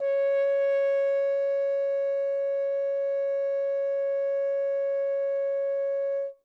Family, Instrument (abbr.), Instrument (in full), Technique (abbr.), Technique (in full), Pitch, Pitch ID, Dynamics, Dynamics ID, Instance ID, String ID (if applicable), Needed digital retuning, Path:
Brass, Hn, French Horn, ord, ordinario, C#5, 73, ff, 4, 0, , FALSE, Brass/Horn/ordinario/Hn-ord-C#5-ff-N-N.wav